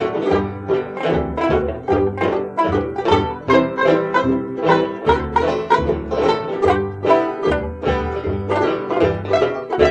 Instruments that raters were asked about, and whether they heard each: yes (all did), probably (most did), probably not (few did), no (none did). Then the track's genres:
mandolin: yes
banjo: yes
ukulele: yes
Old-Time / Historic